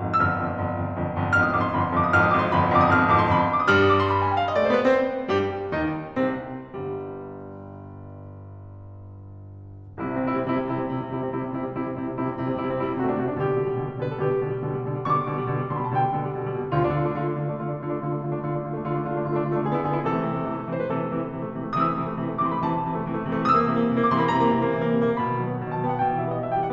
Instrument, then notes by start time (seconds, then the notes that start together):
piano
0.00 G#1 F2
0.20 G1 F2 E6
0.29 F6
0.43 G1 F2
0.63 G1 F2
0.85 G1 F2
1.04 G1 F2
1.21 G1 F2
1.35 G#1 F2 F6
1.44 D#6
1.53 G#1 F2 D6
1.65 C6
1.75 G1 F2 B5
1.86 C6
1.95 G1 F2 D6
2.03 D#6
2.11 G1 F2 F6
2.22 D#6
2.31 G1 F2 D6
2.39 C6
2.48 G1 F2 B5
2.59 C6
2.71 G1 F2 D6
2.80 D#6
2.89 G#1 F2 F6
2.97 D#6
3.07 G#1 F2 D6
3.16 C6
3.29 G1 F2 B5
3.39 C6
3.49 D6
3.60 D#6
3.68 G2 G3 F6
3.78 D#6
3.89 D6
3.98 C6
4.06 B5
4.17 G#5
4.26 G5
4.35 F5
4.45 D#5
4.55 D5
4.64 A3 C5
4.75 B3 B4
4.84 C4 C5
5.31 G2 G3 G4
5.70 D#2 D#3 D#4
6.21 C2 C3 C4
6.75 G1 G2 G3
9.81 C2 C3 E4
9.93 C4
10.03 C3 E4
10.12 G3 C4
10.22 C3 E4
10.33 G3 C4
10.41 C3 E4
10.50 G3 C4
10.60 C3 E4
10.69 G3 C4
10.82 C3 E4
10.94 G3 C4
11.05 C3 E4
11.19 G3 C4
11.31 C3 E4
11.40 G3 C4
11.52 C3 E4
11.61 G3 C4
11.69 C3 E4
11.78 G3 C4
11.89 C3 E4
12.00 G3 C4
12.19 C3 E4
12.35 G3 C4
12.45 C3 E4
12.59 G3 C4
12.69 C3 E4
12.84 G3 C4
12.93 C3 F#4
13.07 A3 D4
13.20 C3 F#4
13.31 A3 D4
13.42 B2 D3 G4
13.54 G3
13.62 B2 D3
13.72 G3
13.85 B2 D3
13.96 G3
14.05 B2 D3 B4
14.18 G3 A4
14.27 B2 D3 G4
14.37 G3
14.49 B2 D3
14.61 G3
14.72 B2 D3
14.83 G3
14.93 B2 D3
15.01 G3
15.10 B2 D3 C#6
15.20 G3 D6
15.30 B2 D3
15.39 G3
15.51 B2 D3
15.60 G3 C6
15.73 B2 D3 B5
15.82 G3 A5
15.91 B2 D3 G5
16.00 G3
16.09 B2 D3
16.22 G3
16.30 B2 D3
16.39 G3
16.50 B2 D3
16.60 G3
16.74 D2 D3 F4
16.87 D4
17.00 D3 F4
17.09 A3 D4
17.18 D3 F4
17.28 A3 D4
17.39 D3 F4
17.52 A3 D4
17.64 D3 F4
17.75 A3 D4
17.86 D3 F4
17.94 A3 D4
18.03 D3 F4
18.12 A3 D4
18.22 D3 F4
18.31 A3 D4
18.39 D3 F4
18.48 A3 D4
18.58 D3 F4
18.67 A3 D4
18.80 D3 F4
18.91 A3 D4
19.01 D3 F4
19.11 A3 D4
19.23 D3 F4
19.33 A3 D4
19.42 D3 F4
19.52 A3 D4
19.61 D3 G#4
19.75 B3 E4
19.84 D3 G#4
19.96 B3 E4
20.05 C3 E3 A4
20.14 A3
20.24 C3 E3
20.33 A3
20.42 C3 E3
20.53 A3
20.65 C3 E3 C5
20.75 A3 B4
20.86 C3 E3 A4
20.97 A3
21.13 C3 E3
21.25 A3
21.35 C3 E3
21.44 A3
21.54 C3 E3
21.63 A3
21.72 C3 E3 D#6
21.83 A3 E6
21.98 C3 E3
22.08 A3
22.19 C3 E3
22.35 A3 D6
22.45 C3 E3 C6
22.56 A3 B5
22.69 C3 E3 A5
22.78 A3
22.86 C3 E3
22.98 A3
23.08 C3 E3
23.17 A3
23.28 C3 E3
23.38 A3
23.49 C3 E3 D#6
23.59 A#3 E6
23.68 C3 E3
23.80 A#3
23.92 C3 E3
24.01 A#3 D6
24.10 C3 E3 C6
24.20 A#3 B5
24.29 C3 E3 A#5
24.40 A#3
24.51 C3 E3
24.62 A#3
24.73 C3 E3
24.83 A#3
24.93 C3 E3
25.04 A#3
25.21 B2 B5
25.33 D#3
25.43 F#3
25.50 B3
25.59 B2
25.68 D#3 A5
25.84 F#3 G5
25.94 B3 F#5
26.05 B2 G5
26.18 D#3 F#5
26.29 G3 E5
26.37 B3 D#5
26.46 B2 E5
26.55 D#3 G5
26.64 G3 F#5